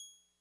<region> pitch_keycenter=92 lokey=91 hikey=94 volume=24.074597 lovel=0 hivel=65 ampeg_attack=0.004000 ampeg_release=0.100000 sample=Electrophones/TX81Z/Clavisynth/Clavisynth_G#5_vl1.wav